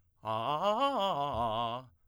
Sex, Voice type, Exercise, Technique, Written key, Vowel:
male, tenor, arpeggios, fast/articulated forte, C major, a